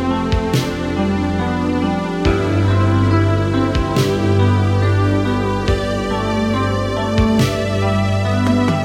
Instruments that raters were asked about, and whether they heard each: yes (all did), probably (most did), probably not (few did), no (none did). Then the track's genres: ukulele: no
violin: no
Electronic